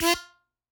<region> pitch_keycenter=65 lokey=65 hikey=67 tune=27 volume=-2.923059 seq_position=1 seq_length=2 ampeg_attack=0.004000 ampeg_release=0.300000 sample=Aerophones/Free Aerophones/Harmonica-Hohner-Special20-F/Sustains/Stac/Hohner-Special20-F_Stac_F3_rr1.wav